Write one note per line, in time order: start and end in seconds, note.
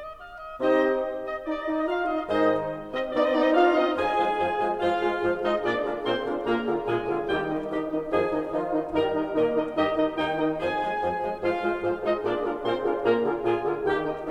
0.00 0.08 D#5
0.08 0.15 D5
0.15 0.24 D#5
0.24 0.45 F5
0.45 0.60 D#5
0.60 1.03 C3
0.60 1.03 C4
0.60 1.03 D#4
0.60 1.03 G4
0.60 1.03 C5
0.60 1.03 D#5
1.29 1.50 D#5
1.50 1.67 D#4
1.50 1.58 D5
1.58 1.67 D#5
1.67 1.86 D#4
1.67 1.74 D5
1.74 1.86 D#5
1.86 2.04 F4
1.86 2.04 F5
2.04 2.28 D#4
2.04 2.28 D#5
2.28 2.71 G#2
2.28 2.71 D#3
2.28 2.71 G#3
2.28 2.71 D#4
2.28 2.71 C5
2.28 2.71 D#5
2.91 3.11 C4
2.91 3.11 D#5
3.11 3.24 B3
3.11 3.33 D#4
3.11 3.24 D5
3.24 3.33 C4
3.24 3.33 D#5
3.33 3.46 B3
3.33 3.58 D#4
3.33 3.46 D5
3.46 3.58 C4
3.46 3.58 D#5
3.58 3.81 D4
3.58 3.81 F4
3.58 3.81 F5
3.81 4.03 C4
3.81 4.03 D#4
3.81 4.03 D#5
4.03 4.20 F2
4.03 4.20 F3
4.03 4.20 F4
4.03 4.20 G#4
4.03 4.76 G#4
4.03 4.20 G#5
4.03 4.76 G#5
4.20 4.39 F3
4.20 4.39 G#3
4.20 4.39 F4
4.20 4.39 G#4
4.20 4.39 C5
4.39 4.57 F2
4.39 4.57 F3
4.39 4.57 F4
4.39 4.57 G#4
4.39 4.57 C5
4.57 4.76 F3
4.57 4.76 G#3
4.57 4.76 F4
4.57 4.76 G#4
4.57 4.76 C5
4.76 5.00 G#2
4.76 5.00 F3
4.76 5.00 F4
4.76 5.47 F4
4.76 5.00 G#4
4.76 5.00 C5
4.76 5.00 F5
4.76 5.47 F5
5.00 5.25 G#3
5.00 5.25 F4
5.00 5.25 G#4
5.00 5.25 C5
5.25 5.47 G#2
5.25 5.47 F3
5.25 5.47 F4
5.25 5.47 G#4
5.25 5.47 C5
5.47 5.62 G#3
5.47 5.62 D#4
5.47 5.62 F4
5.47 5.62 G#4
5.47 5.62 C5
5.47 5.62 D#5
5.62 5.76 A#2
5.62 5.76 A#3
5.62 5.99 D4
5.62 5.76 F4
5.62 5.76 G#4
5.62 5.76 A#4
5.62 5.76 D5
5.62 5.99 D5
5.76 5.99 D3
5.76 5.99 D4
5.76 5.99 F4
5.76 5.99 G#4
5.76 5.99 A#4
5.99 6.21 A#2
5.99 6.21 A#3
5.99 6.39 C4
5.99 6.21 F4
5.99 6.21 G#4
5.99 6.21 A#4
5.99 6.39 C5
5.99 6.21 C6
6.21 6.39 D3
6.21 6.39 D4
6.21 6.39 F4
6.21 6.39 G#4
6.21 6.39 A#4
6.39 6.61 A#2
6.39 6.61 A#3
6.39 6.83 A#3
6.39 6.61 F4
6.39 6.61 G#4
6.39 6.61 A#4
6.39 6.83 A#4
6.39 6.61 A#5
6.61 6.83 D3
6.61 6.83 F4
6.61 6.83 G#4
6.61 6.83 A#4
6.83 7.05 A#2
6.83 7.28 G#3
6.83 7.05 F4
6.83 7.05 G#4
6.83 7.28 G#4
6.83 7.05 A#4
6.83 7.05 G#5
7.05 7.28 D3
7.05 7.28 F4
7.05 7.28 G#4
7.05 7.28 A#4
7.28 7.65 D#2
7.28 7.65 D#3
7.28 7.65 G3
7.28 7.48 D#4
7.28 7.48 G4
7.28 7.65 G4
7.28 7.48 D#5
7.28 7.48 G5
7.48 7.65 D#3
7.48 7.65 D#4
7.48 7.65 D#5
7.65 7.84 D#3
7.65 8.08 D#3
7.65 7.84 D#4
7.65 8.08 D#4
7.65 8.08 G4
7.65 7.84 D#5
7.84 8.08 D#3
7.84 8.08 D#4
7.84 8.08 D#5
8.08 8.52 F2
8.08 8.28 D#3
8.08 8.52 F3
8.08 8.28 D#4
8.08 8.52 G#4
8.08 8.28 D#5
8.08 8.28 G#5
8.28 8.52 D#3
8.28 8.52 D#4
8.28 8.52 D#5
8.52 8.72 D#3
8.52 8.90 F3
8.52 8.72 D#4
8.52 8.90 F4
8.52 8.72 D#5
8.72 8.90 D#3
8.72 8.90 D#4
8.72 8.90 D#5
8.90 9.31 G2
8.90 9.10 D#3
8.90 9.31 G3
8.90 9.10 D#4
8.90 9.31 A#4
8.90 9.10 D#5
8.90 9.10 A#5
9.10 9.31 D#3
9.10 9.31 D#4
9.10 9.31 D#5
9.31 9.72 A#2
9.31 9.49 D#3
9.31 9.72 A#3
9.31 9.49 D#4
9.31 9.72 A#4
9.31 9.49 D#5
9.49 9.72 D#3
9.49 9.72 D#4
9.49 9.72 D#5
9.72 10.15 G2
9.72 9.93 D#3
9.72 10.15 G3
9.72 9.93 D#4
9.72 10.15 G4
9.72 9.93 D#5
9.72 10.15 D#5
9.93 10.15 D#3
9.93 10.15 D#4
9.93 10.15 D#5
10.15 10.57 D#2
10.15 10.36 D#3
10.15 10.57 D#3
10.15 10.36 D#4
10.15 10.57 D#4
10.15 10.36 D#5
10.15 10.36 G5
10.15 10.57 G5
10.36 10.57 D#3
10.36 10.57 D#4
10.36 10.57 D#5
10.57 10.81 F2
10.57 10.81 F3
10.57 11.39 G#4
10.57 10.81 C5
10.57 10.81 G#5
10.57 11.39 G#5
10.81 10.99 F3
10.81 10.99 G#3
10.81 10.99 C5
10.99 11.22 F2
10.99 11.22 F3
10.99 11.22 C5
11.22 11.39 F3
11.22 11.39 G#3
11.22 11.39 C5
11.39 11.60 G#2
11.39 11.60 F3
11.39 11.60 F4
11.39 11.96 F4
11.39 11.60 G#4
11.39 11.60 C5
11.39 11.60 F5
11.39 11.96 F5
11.60 11.78 G#3
11.60 11.78 F4
11.60 11.78 G#4
11.60 11.78 C5
11.78 11.96 G#2
11.78 11.96 F3
11.78 11.96 F4
11.78 11.96 G#4
11.78 11.96 C5
11.96 12.17 G#3
11.96 12.17 D#4
11.96 12.17 F4
11.96 12.17 G#4
11.96 12.17 C5
11.96 12.17 D#5
12.17 12.34 A#2
12.17 12.34 A#3
12.17 12.55 D4
12.17 12.34 F4
12.17 12.34 G#4
12.17 12.34 A#4
12.17 12.34 D5
12.17 12.55 D5
12.34 12.55 D3
12.34 12.55 D4
12.34 12.55 F4
12.34 12.55 G#4
12.34 12.55 A#4
12.55 12.79 A#2
12.55 12.79 A#3
12.55 13.00 C4
12.55 12.79 F4
12.55 12.79 G#4
12.55 12.79 A#4
12.55 13.00 C5
12.55 12.79 C6
12.79 13.00 D3
12.79 13.00 D4
12.79 13.00 F4
12.79 13.00 G#4
12.79 13.00 A#4
13.00 13.19 A#2
13.00 13.19 A#3
13.00 13.43 A#3
13.00 13.19 F4
13.00 13.19 G#4
13.00 13.19 A#4
13.00 13.43 A#4
13.00 13.19 A#5
13.19 13.43 D3
13.19 13.43 F4
13.19 13.43 G#4
13.19 13.43 A#4
13.43 13.65 A#2
13.43 13.65 F4
13.43 13.89 F4
13.43 13.65 G#4
13.43 13.89 G#4
13.43 13.65 A#4
13.43 13.65 G#5
13.65 13.89 D3
13.65 13.89 F4
13.65 13.89 G#4
13.65 13.89 A#4
13.89 14.32 D#2
13.89 14.32 D#3
13.89 14.09 D#4
13.89 14.09 G4
13.89 14.32 G4
13.89 14.09 A#4
13.89 14.09 G5
14.09 14.32 D#3
14.09 14.32 D#4
14.09 14.32 D#5